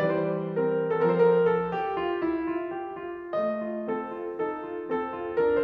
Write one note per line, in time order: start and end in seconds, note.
0.02 1.14 E3
0.02 0.59 G3
0.02 0.31 B4
0.24 0.37 C5
0.32 0.47 D5
0.41 0.59 C5
0.60 1.14 C4
0.60 1.14 A#4
1.16 2.22 F3
1.16 2.22 C4
1.16 1.27 A4
1.20 1.34 A#4
1.28 1.41 C5
1.36 1.46 A#4
1.42 1.68 A4
1.69 1.96 G4
1.98 2.22 F4
2.23 2.49 E4
2.50 2.71 F4
2.72 2.94 G4
2.95 3.37 F4
3.38 3.63 A3
3.38 3.85 D#5
3.63 3.85 F4
3.86 4.03 C4
3.86 4.32 A4
4.05 4.32 F4
4.34 4.63 D#4
4.34 4.85 A4
4.64 4.85 F4
4.86 5.07 C4
4.86 5.33 A4
5.08 5.33 F4
5.35 5.64 D4
5.35 5.64 A#4